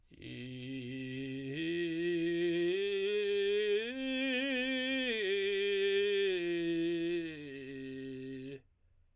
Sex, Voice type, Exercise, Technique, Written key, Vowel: male, tenor, arpeggios, vocal fry, , i